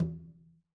<region> pitch_keycenter=61 lokey=61 hikey=61 volume=17.590831 lovel=66 hivel=99 seq_position=2 seq_length=2 ampeg_attack=0.004000 ampeg_release=15.000000 sample=Membranophones/Struck Membranophones/Conga/Conga_HitN_v2_rr2_Sum.wav